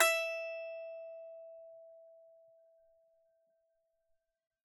<region> pitch_keycenter=76 lokey=76 hikey=77 volume=-0.629112 lovel=100 hivel=127 ampeg_attack=0.004000 ampeg_release=15.000000 sample=Chordophones/Composite Chordophones/Strumstick/Finger/Strumstick_Finger_Str3_Main_E4_vl3_rr1.wav